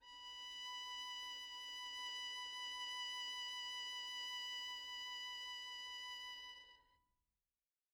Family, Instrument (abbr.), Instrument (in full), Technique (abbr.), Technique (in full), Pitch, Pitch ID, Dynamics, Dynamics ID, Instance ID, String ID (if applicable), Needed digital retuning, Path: Strings, Vn, Violin, ord, ordinario, B5, 83, pp, 0, 0, 1, FALSE, Strings/Violin/ordinario/Vn-ord-B5-pp-1c-N.wav